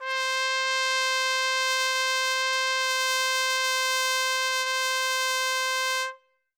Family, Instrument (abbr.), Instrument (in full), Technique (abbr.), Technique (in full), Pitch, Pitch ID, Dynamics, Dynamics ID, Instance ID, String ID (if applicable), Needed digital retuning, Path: Brass, TpC, Trumpet in C, ord, ordinario, C5, 72, ff, 4, 0, , FALSE, Brass/Trumpet_C/ordinario/TpC-ord-C5-ff-N-N.wav